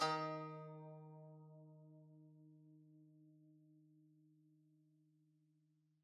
<region> pitch_keycenter=51 lokey=51 hikey=52 volume=14.582257 lovel=0 hivel=65 ampeg_attack=0.004000 ampeg_release=0.300000 sample=Chordophones/Zithers/Dan Tranh/Normal/D#2_mf_1.wav